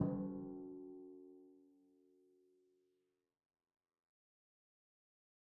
<region> pitch_keycenter=54 lokey=54 hikey=55 tune=-38 volume=20.501384 lovel=66 hivel=99 seq_position=2 seq_length=2 ampeg_attack=0.004000 ampeg_release=30.000000 sample=Membranophones/Struck Membranophones/Timpani 1/Hit/Timpani5_Hit_v3_rr2_Sum.wav